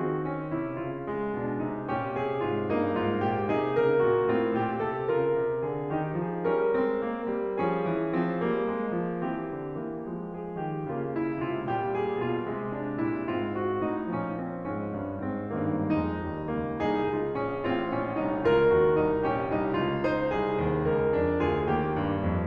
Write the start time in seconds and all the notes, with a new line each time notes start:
0.00 D#3 C4 F#4
0.29 C#4
0.51 C3 E4
0.80 C#3 F4
1.07 G#3
1.31 B2 D4
1.60 C3 D#4
1.87 A#2 C#4 G4
2.21 C3 G#4
2.47 G#2 G4
2.75 G2 A#3 D#4
2.97 G#2 F4
3.20 A#2 G4
3.46 C3 D#4 G#4
3.75 C#3 A#4
4.01 A#2 F#4
4.26 A2 C4 F4
4.54 A#2 G4
4.79 C3 A4
5.09 C#3 F4 A#4
5.38 C3
5.62 D3 G#4
5.90 D#3 D#4 G4
6.18 F3 G#4
6.49 G3 C#4 A#4
6.72 G#3 C4
6.98 A#3
7.31 G3
7.57 F3 C#4 G#4
7.88 E3
8.10 F3 C4
8.38 G3 A#3
8.66 G#3
8.97 F3
9.24 E3 C4 G4
9.54 D3
9.78 E3 A#3
10.07 F3 G#3
10.32 G#4
10.57 D#3 G4
10.86 C#3 A#3 F4
11.20 E4
11.51 C3 G#3 F4
11.77 A#2 G3 G4
12.03 G#4
12.26 B2 F4
12.50 C3 G#3
12.72 D4
13.00 A#2 G3 E4
13.29 G#2 C4 F4
13.53 F#4
13.80 A2 D#4
14.12 A#2 F3 C#4
14.44 C4
14.74 G#2 C#4
15.15 G2 D#3
15.46 G#2 C4
15.74 G2 A#3 D#4
16.08 F2 G#3 D#4
16.30 D#2 G3
16.58 C#2 A#3
16.83 C2 D#4 G#4
17.11 C#2 F4
17.39 A#1 C#4
17.66 A1 C4 F4
17.93 A#1 C#4
18.18 C2 D#4
18.45 C#2 F4 A#4
18.80 D#2 G4
19.02 C2 D#4
19.27 A#1 C#4 G4
19.53 C2 D#4
19.76 C#2 F4
20.00 D#4 C5
20.31 C2 G#4
20.57 D#2
20.89 C#2 A#4
21.16 F2 C#4
21.42 C#2 F4 G#4
21.71 D#2 A#3 G4
21.94 G2
22.21 F2